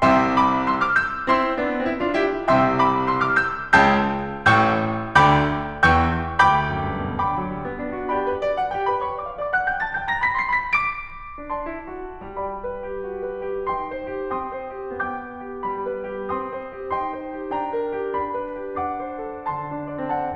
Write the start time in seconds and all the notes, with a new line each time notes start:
0.00 C2 C3 E5 G5 C6 E6
0.36 B5 D6
0.70 C6 E6
0.82 D6 F6
0.95 E6 G6
1.24 C4 E4 C6 E6
1.59 B3 D4
1.86 C4 E4
2.01 D4 F4
2.17 E4 G4
2.47 C2 C3 E5 G5 C6 E6
2.82 B5 D6
3.08 C6 E6
3.24 D6 F6
3.39 E6 G6
3.75 C#2 C#3 G5 A5 E6 G6
4.47 A1 A2 G5 C#6 E6 G6
5.21 D2 D3 G5 B5 D6 G6
5.87 E2 E3 G5 A5 C#6 G6
6.44 D2 G5 B5 D6 G6
6.63 F#2
6.79 G2
7.06 B2
7.23 D3 G5 B5 D6
7.35 F#3
7.50 G3
7.67 B3
7.86 D4
8.03 F#4
8.17 G4 D5 G5 B5
8.27 B4
8.41 D5
8.59 F#5
8.72 G4 G5
8.88 B4 B5
9.03 C#5 C#6
9.17 D5 D6
9.29 E5 E6
9.38 D5 D6
9.53 F#5 F#6
9.66 G5 G6
9.81 A5 A6
9.97 G5 G6
10.12 A#5 A#6
10.26 B5 B6
10.41 C6 C7
10.57 B5 B6
10.74 D6 D7
11.52 D4 D5 A5 C6
11.70 E4
11.88 F#4
12.27 G3 D5 G5 B5
12.64 B4
12.86 G4
13.05 F#4
13.25 B4
13.53 G4
13.71 D#4 G5 C6
13.98 C5
14.22 G4
14.41 C4 G5 C6 D#6
14.64 C5
14.86 G4
15.15 B3 G5 D6 G6
15.36 B4
15.49 G4
15.67 G3 B5
15.87 B4
16.07 G4
16.30 C4 G5 C6 D#6
16.54 C5
16.75 G4
16.96 D#4 G5 C6
17.16 C5
17.32 G4
17.53 D4 G5 A#5
17.71 A#4
17.95 G4
18.15 D4 B5
18.36 B4
18.56 G4
18.90 D4 F#5 D6
19.09 C5
19.28 A4
19.48 D3 A5 C6
19.74 D4
19.86 D5
19.99 C4
20.14 F#5 A5